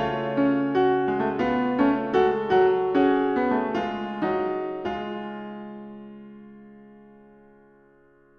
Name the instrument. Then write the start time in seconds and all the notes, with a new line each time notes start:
piano
0.00 C#3 A3 F4
0.36 C#4
0.78 F#4
1.08 G#3
1.23 A3
1.42 B3 F4
1.80 C#4
1.85 A3
2.14 G#3 F#4
2.18 A4
2.53 F#3 F#4
2.93 C#4 F#4
2.97 G#4
3.34 B3
3.60 A3
3.78 G#3 F4
4.25 F#3 D#4
4.85 G#3 F4